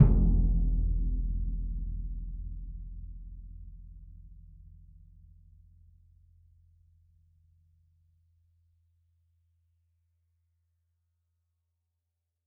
<region> pitch_keycenter=62 lokey=62 hikey=62 volume=10.183017 lovel=111 hivel=127 ampeg_attack=0.004000 ampeg_release=30 sample=Membranophones/Struck Membranophones/Bass Drum 2/bassdrum_hit_ff.wav